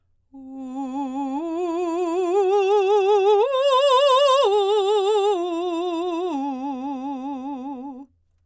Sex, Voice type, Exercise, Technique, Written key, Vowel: female, soprano, arpeggios, slow/legato forte, C major, u